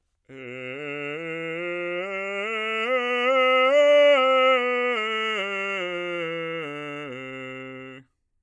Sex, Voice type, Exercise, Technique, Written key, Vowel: male, bass, scales, straight tone, , e